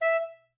<region> pitch_keycenter=76 lokey=76 hikey=76 tune=3 volume=11.090801 offset=286 lovel=84 hivel=127 ampeg_attack=0.004000 ampeg_release=1.500000 sample=Aerophones/Reed Aerophones/Tenor Saxophone/Staccato/Tenor_Staccato_Main_E4_vl2_rr4.wav